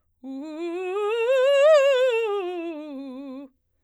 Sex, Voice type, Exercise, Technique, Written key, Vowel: female, soprano, scales, fast/articulated piano, C major, u